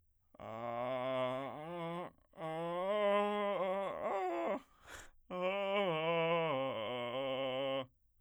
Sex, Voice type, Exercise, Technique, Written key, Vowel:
male, bass, arpeggios, vocal fry, , a